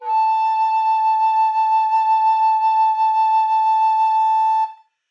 <region> pitch_keycenter=81 lokey=81 hikey=82 volume=4.408735 offset=387 ampeg_attack=0.004000 ampeg_release=0.300000 sample=Aerophones/Edge-blown Aerophones/Baroque Tenor Recorder/SusVib/TenRecorder_SusVib_A4_rr1_Main.wav